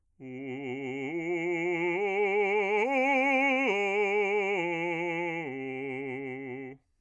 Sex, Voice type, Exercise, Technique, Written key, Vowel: male, bass, arpeggios, vibrato, , u